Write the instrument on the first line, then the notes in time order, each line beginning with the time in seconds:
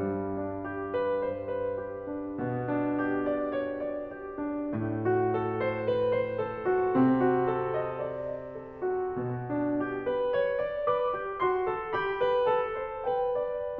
piano
0.00 G2 G3
0.37 D4
0.67 G4
0.94 B4
1.23 C5
1.59 B4
1.80 G4
2.10 D4
2.39 B2 B3
2.65 D4
3.01 G4
3.24 D5
3.52 C#5
3.83 D5
4.10 G4
4.35 D4
4.78 A2 A3
5.05 F#4
5.34 A4
5.61 C5
5.85 B4
6.11 C5
6.48 A4
6.68 F#4
6.93 C3 C4
7.17 F#4
7.43 A4
7.70 D#5
7.96 D5
8.15 D#5
8.52 A4
8.82 F#4
9.09 B2 B3
9.47 D4
9.81 G4
10.07 B4
10.32 C#5
10.58 D5
10.89 B4 D6
11.17 G4
11.39 F#4 C6
11.68 A4
11.89 G4 B5
12.18 B4
12.46 A4 A5
12.77 C5
13.06 B4 G5
13.25 D5